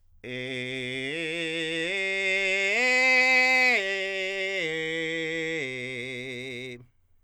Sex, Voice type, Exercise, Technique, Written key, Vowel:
male, countertenor, arpeggios, belt, , e